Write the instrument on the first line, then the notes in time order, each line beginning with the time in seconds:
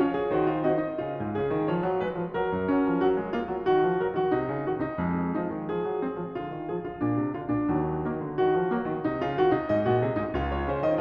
piano
0.00 C#4 F4 C#5
0.16 G#4
0.33 D#3 F#4 C5
0.44 F4
0.63 C4 F#4 D#5
0.78 D#4
0.95 C#3 F4
1.15 G#2
1.35 C#3 G#4
1.51 D#3
1.67 F3 C#5
1.83 F#3
2.01 G#3 B4
2.18 F3
2.35 F#3 A#4
2.53 F#2
2.71 F#3 C#4
2.88 F3
3.04 F#3 F#4
3.22 G#3
3.36 A#3 F4
3.51 F#3
3.67 D#3 F#4
3.88 F3
4.03 F#3 A#4
4.18 D#3 F#4
4.34 C3 D#4
4.48 C#3
4.64 D#3 F#4
4.78 C3 D#4
4.97 F2 G#3
5.35 F3 D#4
5.51 D#3
5.70 F3 G#4
5.85 F#3
6.04 G#3 C4
6.19 F3
6.36 D3 F4
6.52 D#3
6.69 F3 G#4
6.82 D3 F4
6.99 A#2 D4
7.16 C3
7.31 D3 F4
7.50 A#2 D4
7.69 D#2 F#3
8.07 D#3 A#3
8.21 D3
8.35 D#3 F#4
8.54 F3
8.71 F#3 A#3
8.87 D#3
9.03 C3 D#4
9.20 C#3 F4
9.42 D#3 F#4
9.60 C3 D#4
9.72 G#2 D#5
9.89 A#2 F#4
10.04 C3 G#4
10.16 G#2 D#4
10.32 C#2 F4
10.51 C#5
10.67 C#3 C5
10.84 D#3 D#5